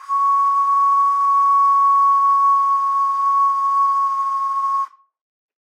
<region> pitch_keycenter=85 lokey=85 hikey=86 tune=-5 volume=-1.646234 trigger=attack ampeg_attack=0.004000 ampeg_release=0.100000 sample=Aerophones/Edge-blown Aerophones/Ocarina, Typical/Sustains/Sus/StdOcarina_Sus_C#5.wav